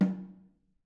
<region> pitch_keycenter=60 lokey=60 hikey=60 volume=12.858739 offset=208 lovel=66 hivel=99 seq_position=2 seq_length=2 ampeg_attack=0.004000 ampeg_release=15.000000 sample=Membranophones/Struck Membranophones/Snare Drum, Modern 2/Snare3M_HitNS_v4_rr2_Mid.wav